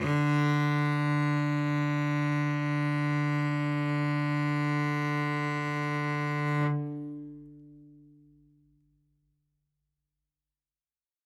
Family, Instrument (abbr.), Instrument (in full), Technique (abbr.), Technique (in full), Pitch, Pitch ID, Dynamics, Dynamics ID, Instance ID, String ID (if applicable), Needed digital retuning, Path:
Strings, Vc, Cello, ord, ordinario, D3, 50, ff, 4, 1, 2, FALSE, Strings/Violoncello/ordinario/Vc-ord-D3-ff-2c-N.wav